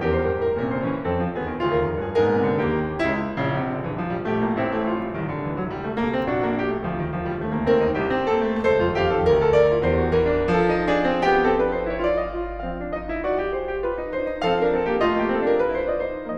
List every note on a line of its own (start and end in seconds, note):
0.00 0.14 E2
0.00 0.60 G4
0.00 0.13 A#4
0.08 0.21 C5
0.14 0.28 F2
0.14 0.27 A#4
0.22 0.31 C5
0.29 0.42 G2
0.29 0.41 A#4
0.37 0.53 C5
0.42 0.60 A2
0.42 0.58 A#4
0.56 0.65 C5
0.62 0.71 A#2
0.62 1.06 C#4
0.62 0.70 A#4
0.66 0.74 C5
0.71 0.84 C3
0.71 0.82 A#4
0.79 0.87 C5
0.84 0.93 D3
0.84 0.92 A#4
0.88 0.98 C5
0.94 1.06 E3
0.94 1.04 A#4
0.99 1.09 C5
1.06 1.25 F2
1.06 1.40 C4
1.06 1.40 A4
1.25 1.40 F3
1.42 1.56 D#2
1.42 1.65 B3
1.42 1.65 G#4
1.56 1.65 D#3
1.66 1.79 D2
1.66 2.15 F4
1.66 1.78 G#4
1.72 1.83 A#4
1.79 1.90 D#2
1.79 1.89 G#4
1.86 1.94 A#4
1.90 2.00 F2
1.90 1.99 G#4
1.95 2.04 A#4
2.02 2.15 G2
2.02 2.14 G#4
2.08 2.18 A#4
2.15 2.25 G#2
2.15 2.60 B3
2.15 2.24 G#4
2.22 2.30 A#4
2.26 2.36 A#2
2.26 2.35 G#4
2.31 2.40 A#4
2.36 2.51 C3
2.36 2.46 G#4
2.43 2.54 A#4
2.51 2.60 D3
2.51 2.59 G#4
2.55 2.65 A#4
2.61 2.77 D#2
2.61 3.02 A#3
2.61 3.34 G4
2.77 3.02 D#3
3.02 3.34 C#2
3.02 3.34 C#3
3.02 3.34 E4
3.34 3.51 A#1
3.34 3.54 C#3
3.47 3.59 C2
3.55 3.68 A#1
3.55 3.70 C3
3.60 3.75 C2
3.70 3.81 A#1
3.70 3.82 D3
3.77 3.85 C2
3.82 3.89 A#1
3.82 3.90 E3
3.87 3.94 C2
3.91 4.05 A#1
3.91 4.06 F3
3.98 4.12 C2
4.06 4.20 A#1
4.06 4.21 G3
4.13 4.26 C2
4.23 4.41 A#1
4.23 4.42 A3
4.23 4.55 G4
4.32 4.46 C2
4.42 4.54 A#1
4.42 4.55 A#3
4.49 4.59 C2
4.55 5.21 A1
4.55 4.66 C4
4.55 4.93 E4
4.68 4.93 A3
4.93 5.06 G3
4.93 5.21 F4
5.07 5.21 F3
5.21 5.33 C2
5.21 5.35 D#3
5.29 5.39 D2
5.35 5.45 C2
5.35 5.46 D3
5.40 5.53 D2
5.47 5.58 C2
5.47 5.60 E3
5.54 5.67 D2
5.60 5.71 C2
5.60 5.75 F#3
5.69 5.81 D2
5.75 5.85 C2
5.75 5.86 G3
5.82 5.97 D2
5.87 6.06 C2
5.87 6.07 A3
5.99 6.12 D2
6.07 6.16 C2
6.07 6.18 A#3
6.07 6.32 A4
6.13 6.23 D2
6.19 6.30 C2
6.19 6.32 C4
6.26 6.35 D2
6.32 6.80 A#1
6.32 6.43 D4
6.32 6.59 F#4
6.43 6.59 A#3
6.61 6.70 A3
6.61 6.80 G4
6.70 6.80 G3
6.82 6.91 D2
6.82 6.92 F3
6.86 6.99 D#2
6.92 7.27 D2
6.92 7.28 D#3
7.23 7.31 D#2
7.28 7.38 D2
7.28 7.40 F3
7.33 7.44 D#2
7.41 7.52 D2
7.41 7.53 G3
7.47 7.58 D#2
7.53 7.66 D2
7.53 7.69 A3
7.63 7.72 D#2
7.69 7.77 D2
7.69 7.78 A#3
7.73 7.83 D#2
7.80 7.91 D2
7.80 7.92 C4
7.80 8.01 A#4
7.86 7.95 D#2
7.92 8.00 D2
7.92 8.01 D4
7.96 8.06 D#2
8.02 8.61 C2
8.02 8.13 D#4
8.02 8.29 G4
8.13 8.29 C4
8.29 8.39 A#3
8.29 8.61 A4
8.46 8.61 A3
8.61 8.80 D#2
8.61 8.81 A4
8.61 8.95 C5
8.75 8.87 F2
8.84 8.92 D#2
8.84 8.95 F4
8.88 9.00 F2
8.95 9.08 D#2
8.95 9.11 G4
8.95 9.52 F5
9.02 9.17 F2
9.11 9.24 D#2
9.11 9.25 A4
9.18 9.30 F2
9.26 9.82 D2
9.26 9.38 A#4
9.38 9.52 A4
9.52 9.69 A#4
9.52 9.82 D5
9.69 9.82 F4
9.82 10.07 E2
9.82 9.95 G4
9.82 10.07 C5
9.96 10.07 F4
10.07 10.58 E3
10.07 10.29 G4
10.07 10.58 A#4
10.29 10.70 C4
10.59 12.53 F3
10.59 10.90 A4
10.70 10.90 D#4
10.91 11.06 D4
10.91 11.27 G#4
11.06 11.27 C4
11.27 11.45 B3
11.27 11.45 G4
11.27 12.23 G5
11.46 11.59 C4
11.46 11.59 A4
11.59 11.80 D4
11.59 11.80 B4
11.81 11.94 D#4
11.81 11.94 C5
11.94 12.04 E4
11.94 12.04 C#5
12.04 12.23 F4
12.04 12.23 D5
12.25 12.35 G4
12.25 12.35 D#5
12.25 12.53 F5
12.35 12.53 F4
12.35 12.53 D5
12.53 14.45 F3
12.53 12.79 C4
12.53 12.95 F5
12.81 12.95 D4
12.95 13.06 D#4
12.95 13.22 D#5
13.07 13.22 F4
13.22 13.39 F#4
13.22 13.48 D5
13.39 13.48 G4
13.49 13.71 G#4
13.49 13.85 C5
13.71 13.85 G4
13.87 14.00 F4
13.87 14.21 B4
14.00 14.21 D#4
14.21 14.35 D4
14.21 14.45 C5
14.36 14.45 D#4
14.45 16.37 F3
14.45 14.57 C4
14.45 14.57 A4
14.45 14.70 F5
14.57 14.70 D4
14.57 14.70 A#4
14.70 14.90 C4
14.70 14.90 A4
14.90 15.02 A#3
14.90 15.02 G4
15.05 15.22 A3
15.05 15.22 F4
15.05 15.87 D#5
15.22 15.34 A#3
15.22 15.34 G4
15.34 15.42 C4
15.34 15.42 A4
15.43 15.56 D4
15.43 15.56 A#4
15.56 15.65 D#4
15.56 15.65 B4
15.66 15.87 E4
15.66 15.87 C5
15.87 16.08 F4
15.87 16.08 D5
15.87 16.37 D#5
16.08 16.37 D#4
16.08 16.37 C5